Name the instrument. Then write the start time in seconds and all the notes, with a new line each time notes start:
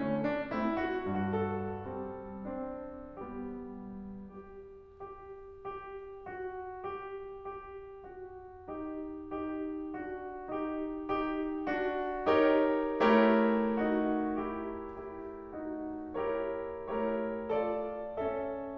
piano
0.01 D3 A3 C#4
0.26 D4
0.52 A3 C4 E4
0.78 F#4
1.07 G2 F#4
1.36 A4
1.89 G3 C4
2.48 C4 D4
3.20 G3 B3 G4
4.51 G4
5.04 G4
5.72 G4
6.24 F#4
6.91 G4
7.52 G4
8.06 F#4
8.67 D#4 G4
9.33 D#4 G4
9.96 D4 F#4
10.54 D#4 G4
11.13 D#4 G4
11.66 D4 F#4
12.34 D#4 G4 A#4 C#5
13.01 A3 E4 G4 A#4 C#5
13.83 D#4 F#4
14.41 E4 G4
14.98 E4 G4
15.54 D#4 F#4
16.21 E4 G4 A#4 C#5
16.93 A3 E4 G4 A#4 C#5
17.51 F4 A4 D5
18.19 C#4 A4 E5